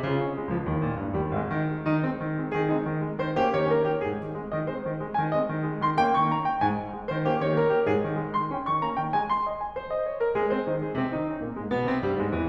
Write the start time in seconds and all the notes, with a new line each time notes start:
0.00 C#3 F4
0.16 C#4
0.37 A#3
0.56 F3
0.65 C#2
0.70 D#2 D#3
0.84 A#2
1.00 G2
1.15 G3
1.24 D#2
1.35 G#1 G#3
1.51 D#3
1.63 G#3
1.80 D#3 D#4
2.04 G#3 C4
2.22 D#3
2.39 G#3
2.52 D#3 G#4
2.68 G#3 C4 D#4
2.86 D#3 G#3
3.02 G#3 C4
3.18 D#3 G#3 C5
3.33 A#3 C#4 G4
3.52 D#3 A#3 C#5
3.70 A#3 C#4 A#4
3.87 D#3 A#3 G4
4.04 G#1 G#4
4.23 D#3 G#3
4.39 G#3 C4
4.55 D#3 G#3 D#5
4.70 G#3 C4 C5
4.84 D#3 G#3
4.99 G#3 C4
5.17 D#3 G#3 G#5
5.35 G#3 C4 D#5
5.51 D#3 G#3
5.67 G#3 C4
5.83 D#3 G#3 C6
5.98 A#3 C#4 G5
6.10 D#3 A#3 C#6
6.25 A#3 C#4 A#5
6.41 D#3 A#3 G5
6.57 G#2 G#5
6.72 D#3 G#3
6.88 G#3 C4
7.06 D#3 G#3 C5
7.28 A#3 C#4 G4
7.42 D#3 A#3 C#5
7.60 A#3 C#4 A#4
7.74 D#3 A#3 G4
7.88 G#2 G#4
8.02 D#3 G#3
8.16 G#3 C4
8.31 D#3 G#3 C6
8.50 A#3 C#4 G5
8.67 D#3 A#3 C#6
8.82 A#3 C#4 A#5
8.97 D#3 A#3 G5
9.14 G#3 C4 G#5
9.25 C6
9.40 D#5
9.57 G#5
9.71 C5
9.87 D#5
10.03 C#5
10.17 A#4
10.31 G#3 G#4
10.48 C4 C5
10.68 D#3 D#4
10.81 G#3 G#4
10.94 C3 C4
11.10 D#3 D#4
11.26 C#3 C#4
11.40 A#2 A#3
11.55 G#2 G#3
11.69 B2 B3
11.85 C3 C4
11.99 G2 G3
12.17 G#2 G#3
12.33 E2 E3